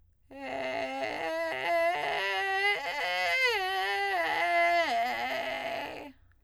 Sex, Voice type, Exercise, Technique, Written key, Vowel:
female, soprano, arpeggios, vocal fry, , e